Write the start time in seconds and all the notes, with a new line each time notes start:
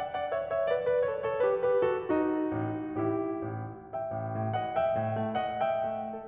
0.01 D5 F#5
0.18 D5 F#5
0.35 C#5 E5
0.55 C#5 E5
0.71 B4 D5
0.88 B4 D5
1.05 A4 C#5
1.19 A4 C#5
1.41 G4 B4
1.65 G4 B4
1.85 F#4 A4
2.05 D#4 F#4
2.48 A1
2.98 A1 E4 G4
3.50 A1
3.95 E5 G5
4.13 A1
4.31 A2
4.53 D#5 F#5
4.79 E5 G5
4.97 A2
5.18 A3
5.35 D#5 F#5
5.64 E5 G5
5.90 A3
6.07 A4